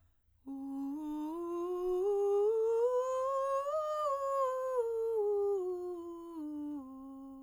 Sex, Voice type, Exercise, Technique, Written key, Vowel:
female, soprano, scales, breathy, , u